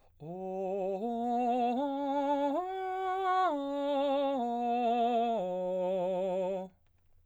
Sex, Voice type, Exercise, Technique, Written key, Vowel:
male, baritone, arpeggios, slow/legato piano, F major, o